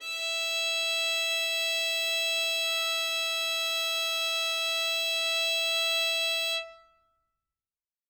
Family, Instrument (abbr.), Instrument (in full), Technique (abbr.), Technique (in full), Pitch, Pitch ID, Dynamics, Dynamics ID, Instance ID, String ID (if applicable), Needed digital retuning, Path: Strings, Vn, Violin, ord, ordinario, E5, 76, ff, 4, 0, 1, FALSE, Strings/Violin/ordinario/Vn-ord-E5-ff-1c-N.wav